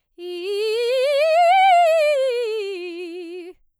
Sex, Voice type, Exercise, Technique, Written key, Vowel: female, soprano, scales, fast/articulated piano, F major, i